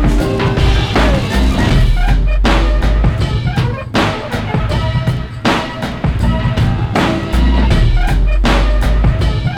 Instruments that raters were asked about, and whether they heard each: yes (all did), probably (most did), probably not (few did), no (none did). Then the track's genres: drums: yes
ukulele: no
Hip-Hop Beats; Instrumental